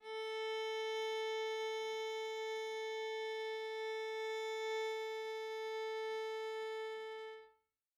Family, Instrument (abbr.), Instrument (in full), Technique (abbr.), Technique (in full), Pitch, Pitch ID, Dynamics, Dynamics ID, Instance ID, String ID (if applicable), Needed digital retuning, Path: Strings, Va, Viola, ord, ordinario, A4, 69, mf, 2, 0, 1, FALSE, Strings/Viola/ordinario/Va-ord-A4-mf-1c-N.wav